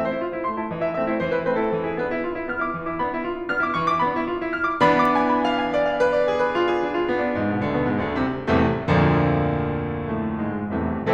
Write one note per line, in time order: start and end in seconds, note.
0.00 0.12 A3
0.00 0.12 C4
0.00 0.12 E5
0.13 0.23 E4
0.13 0.23 C5
0.23 0.33 F4
0.33 0.46 E4
0.46 0.59 A3
0.46 0.59 C4
0.46 0.59 C6
0.60 0.71 E4
0.60 0.71 A5
0.71 0.81 E3
0.71 0.81 D#5
0.81 0.96 E4
0.81 0.96 E5
0.96 1.10 A3
0.96 1.10 C4
0.96 1.10 E5
1.10 1.21 E4
1.10 1.21 C5
1.22 1.31 E3
1.22 1.31 C5
1.31 1.43 E4
1.31 1.43 B4
1.43 1.59 A3
1.43 1.59 C4
1.43 1.59 B4
1.59 1.72 E4
1.59 1.72 A4
1.73 1.82 E3
1.73 1.82 A4
1.82 1.95 E4
1.82 1.95 G#4
1.95 2.08 B3
1.95 2.08 D4
1.95 2.23 B4
2.08 2.23 E4
2.24 2.33 F4
2.33 2.46 E4
2.46 2.59 B3
2.46 2.59 D4
2.46 2.59 F6
2.59 2.74 E4
2.59 2.74 D6
2.74 2.86 E3
2.74 2.86 C#6
2.87 2.98 E4
2.87 2.98 D6
2.98 3.12 B3
2.98 3.12 D4
2.98 3.25 B5
3.12 3.25 E4
3.25 3.38 F4
3.39 3.51 E4
3.51 3.62 B3
3.51 3.62 D4
3.51 3.62 F6
3.62 3.76 E4
3.62 3.76 D6
3.76 3.89 E3
3.76 3.89 C#6
3.90 4.01 E4
3.90 4.01 D6
4.01 4.14 B3
4.01 4.14 D4
4.01 4.28 B5
4.14 4.28 E4
4.28 4.41 F4
4.42 4.54 E4
4.54 4.68 B3
4.54 4.68 D4
4.54 4.68 F6
4.68 4.81 E4
4.68 4.81 D6
4.81 5.18 E3
4.81 5.18 B3
4.81 5.18 D4
4.81 5.00 B5
5.00 5.18 D6
5.19 5.32 G#5
5.32 5.45 B5
5.45 5.57 F5
5.57 5.69 G#5
5.70 5.82 D5
5.82 5.92 F5
5.92 6.06 B4
6.06 6.20 D5
6.21 6.34 G#4
6.34 6.54 B4
6.54 6.70 F4
6.70 6.83 G#4
6.83 6.94 D4
6.95 7.06 F4
7.06 7.20 B3
7.20 7.36 D4
7.36 7.45 G#2
7.36 7.45 G#3
7.47 7.60 B2
7.47 7.60 B3
7.60 7.74 D2
7.60 7.74 D3
7.74 7.87 B2
7.74 7.87 B3
7.87 7.99 G#2
7.87 7.99 G#3
8.00 8.15 D2
8.00 8.15 D3
8.15 8.51 C2
8.15 8.51 C3
8.51 8.84 C2
8.51 8.84 E2
8.51 8.84 A2
8.51 8.84 C3
8.51 8.84 E3
8.51 8.84 A3
8.84 10.70 D2
8.84 10.70 F2
8.84 10.22 A#2
8.84 10.70 D3
8.84 10.70 F3
8.84 10.22 A#3
10.22 10.45 A2
10.22 10.45 A3
10.45 10.70 G#2
10.45 10.70 G#3
10.72 11.13 C2
10.72 11.13 E2
10.72 11.13 A2
10.72 11.13 C3
10.72 11.13 E3
10.72 11.13 A3